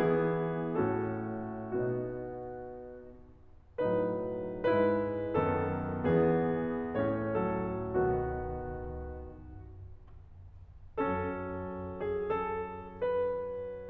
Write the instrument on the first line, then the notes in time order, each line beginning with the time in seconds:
piano
0.00 E3 B3 E4 G#4
0.82 A2 A3 C#4 F#4 A4
1.75 B2 B3 D#4 F#4
3.89 A2 F#3 D#4 B4
4.70 G#2 G#3 E4 B4
5.34 F#2 D#3 B3 A4
6.04 E2 E3 B3 G#4
6.93 A2 A3 C#4 C#5
7.38 F#3 A4
7.99 B2 D#3 B3 F#4
10.99 F#2 F#3 C#4 A4
12.00 G#4
12.32 A4
13.00 B4